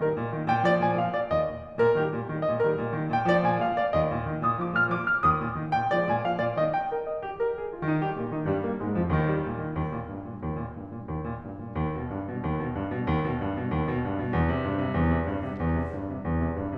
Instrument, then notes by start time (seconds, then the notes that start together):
piano
0.00 D#3 G3 A#4
0.15 A#2 D#3
0.35 D#3 G3
0.52 A#2 D#3 G5
0.70 F3 G#3 D5
0.86 A#2 F3 G#5
1.00 F3 G#3 F5
1.09 A#2 F3 D5
1.27 D#2 D#5
1.42 A#2 D#3
1.59 D#3 G3
1.78 A#2 D#3 A#4
1.97 D#3 G3 G4
2.11 A#2 D#3
2.33 D#3 G3
2.52 A#2 D#3 D#5
2.68 D#3 G3 A#4
2.82 A#2 D#3
2.97 D#3 G3
3.13 A#2 D#3 G5
3.29 F3 G#3 D5
3.44 A#2 F3 G#5
3.61 F3 G#3 F5
3.80 A#2 F3 D5
3.97 D#3 G3 D#5
4.14 A#2 D#3
4.31 D#3 G3
4.46 A#2 D#3 G6
4.67 F3 G#3 D6
4.82 A#2 F3 G#6
4.96 F3 G#3 F6
5.11 A#2 F3 D6
5.27 D#3 G3 D#6
5.43 A#2 D#3
5.58 D#3 G3
5.74 A#2 D#3 G5
5.94 F3 G#3 D5
6.10 A#2 F3 G#5
6.25 F3 G#3 F5
6.40 A#2 F3 D5
6.57 D#3 G3 D#5
6.75 G5
6.91 A#4
7.05 D#5
7.21 G4
7.41 A#4
7.60 G#4
7.74 F4
7.87 D#3 D#4
8.02 G3 G4
8.16 A#2 A#3
8.30 D#3 D#4
8.45 G2 G3
8.63 A#2 A#3
8.78 G#2 G#3
8.92 F2 F3
9.10 D#2 D#3
9.26 G3
9.40 A#2
9.59 D#3
9.75 D#2
9.96 A#2
10.11 G2
10.27 A#2
10.44 D#2
10.59 A#2
10.76 G2
10.95 A#2
11.12 D#2
11.31 A#2
11.46 G2
11.62 A#2
11.76 D#2
11.94 B2
12.11 G2
12.31 B2
12.48 D#2
12.62 B2
12.75 G2
12.93 B2
13.06 D#2
13.24 B2
13.42 G2
13.53 B2
13.70 D#2
13.84 B2
13.98 G2
14.13 B2
14.32 E2
14.45 C3
14.62 G2
14.78 C3
14.94 E2
15.15 C3
15.30 G2
15.44 C3
15.63 E2
15.77 C3
15.96 G2
16.18 C3
16.32 E2
16.47 C3
16.61 G2